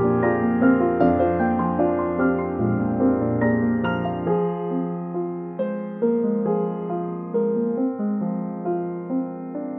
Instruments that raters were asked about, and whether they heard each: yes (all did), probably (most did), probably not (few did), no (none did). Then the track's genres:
drums: no
piano: yes
bass: no
Contemporary Classical; Instrumental